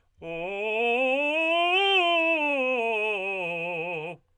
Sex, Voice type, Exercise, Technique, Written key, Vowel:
male, tenor, scales, fast/articulated forte, F major, o